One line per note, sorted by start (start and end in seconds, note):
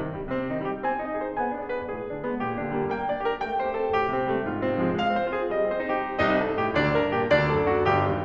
0.00 0.14 G2
0.00 0.29 D#3
0.14 0.29 A#2
0.14 0.48 G3
0.29 0.48 C3
0.29 0.64 C4
0.49 0.64 D#3
0.49 0.82 D#4
0.64 0.82 G3
0.64 1.00 G4
0.82 1.00 C4
0.82 1.21 G#5
1.00 1.21 D#4
1.00 1.37 D#5
1.22 1.37 G#4
1.22 1.54 C5
1.37 1.54 B3
1.37 1.73 G#5
1.54 1.73 D4
1.54 1.90 D5
1.73 1.90 G#4
1.73 2.07 B4
1.90 2.07 B2
1.90 2.18 G#4
2.07 2.18 D3
2.07 2.41 D4
2.18 2.41 G#3
2.18 2.59 B3
2.41 2.59 A#2
2.41 2.79 G4
2.59 2.79 D3
2.59 2.94 D4
2.80 2.94 G3
2.80 3.09 A#3
2.94 3.09 A#3
2.94 3.26 G5
3.09 3.26 D4
3.09 3.45 D5
3.26 3.45 G4
3.26 3.61 A#4
3.45 3.61 A3
3.45 3.76 G5
3.61 3.76 C4
3.61 3.98 C5
3.76 3.98 G4
3.76 4.17 A4
3.98 4.17 A2
3.98 4.33 G4
4.17 4.33 C3
4.17 4.49 C4
4.34 4.49 G3
4.34 4.62 A3
4.49 4.62 G#2
4.49 4.77 F4
4.62 4.77 C3
4.62 4.91 C4
4.77 4.91 F3
4.77 5.10 G#3
4.92 5.10 G#3
4.92 5.32 F5
5.10 5.32 C4
5.10 5.50 C5
5.32 5.50 F4
5.32 5.70 G#4
5.50 5.70 G3
5.50 5.96 D#5
5.70 5.96 C4
5.70 6.18 C5
5.96 6.18 D#4
5.96 6.36 G4
6.18 6.55 F#2
6.18 6.55 F#3
6.18 6.55 C4
6.18 6.55 C5
6.36 6.73 C3
6.36 6.73 A4
6.55 6.94 D#3
6.55 6.94 D#4
6.75 7.13 G2
6.75 7.13 G3
6.75 7.13 C4
6.75 7.13 C5
6.94 7.30 C3
6.94 7.30 G4
7.13 7.49 D#3
7.13 7.49 D#4
7.30 7.70 G2
7.30 7.70 G3
7.30 7.70 B3
7.30 7.70 B4
7.49 7.91 B2
7.49 7.91 G4
7.70 8.06 D3
7.70 8.06 D4
7.91 8.24 C2
7.91 8.24 C3
7.91 8.24 C4
7.91 8.24 D#4
7.91 8.24 C5
8.06 8.24 B1